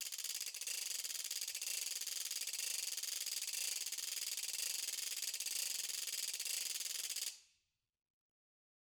<region> pitch_keycenter=62 lokey=62 hikey=62 volume=15.000000 offset=181 ampeg_attack=0.004000 ampeg_release=1.000000 sample=Idiophones/Struck Idiophones/Ratchet/Ratchet1_Slow_rr1_Mid.wav